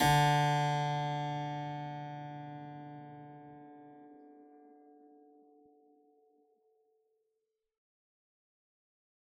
<region> pitch_keycenter=50 lokey=50 hikey=50 volume=-0.430718 trigger=attack ampeg_attack=0.004000 ampeg_release=0.400000 amp_veltrack=0 sample=Chordophones/Zithers/Harpsichord, Unk/Sustains/Harpsi4_Sus_Main_D2_rr1.wav